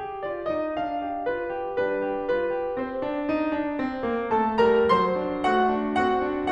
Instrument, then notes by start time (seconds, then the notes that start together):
piano
0.00 G4
0.27 F4 D5
0.51 D#4 D#5
0.77 D4 F5
0.99 G4
1.25 F4 B4
1.53 G4
1.81 G3 D4 B4
2.04 G4
2.30 F4 B4
2.54 G4
2.79 C4 C5
3.08 D4
3.36 D#4
3.66 D4
3.85 C4
4.08 A#3
4.33 A3 A4 A5
4.64 G3 A#4 A#5
4.92 F#3 C5 C6
5.19 D4
5.47 A3 F#4 F#5
5.71 D4
5.98 C4 F#4 F#5
6.22 D4